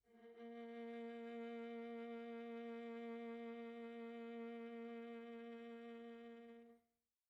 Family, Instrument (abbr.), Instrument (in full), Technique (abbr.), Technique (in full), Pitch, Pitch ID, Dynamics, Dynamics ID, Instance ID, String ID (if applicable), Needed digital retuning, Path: Strings, Va, Viola, ord, ordinario, A#3, 58, pp, 0, 2, 3, FALSE, Strings/Viola/ordinario/Va-ord-A#3-pp-3c-N.wav